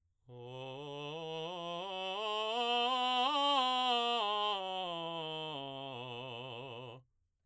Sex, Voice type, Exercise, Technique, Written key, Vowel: male, baritone, scales, belt, , o